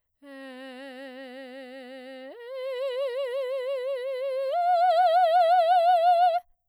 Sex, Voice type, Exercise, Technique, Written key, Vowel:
female, soprano, long tones, full voice pianissimo, , e